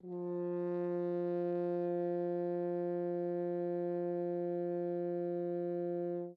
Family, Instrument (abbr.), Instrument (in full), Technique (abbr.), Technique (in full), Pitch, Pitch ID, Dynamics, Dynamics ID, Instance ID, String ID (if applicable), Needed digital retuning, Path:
Brass, Hn, French Horn, ord, ordinario, F3, 53, mf, 2, 0, , FALSE, Brass/Horn/ordinario/Hn-ord-F3-mf-N-N.wav